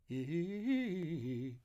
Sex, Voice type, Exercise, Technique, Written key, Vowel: male, , arpeggios, fast/articulated piano, C major, i